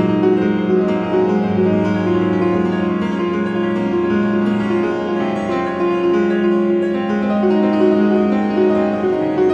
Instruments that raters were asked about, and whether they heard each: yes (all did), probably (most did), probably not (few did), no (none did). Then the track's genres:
piano: yes
drums: no
Contemporary Classical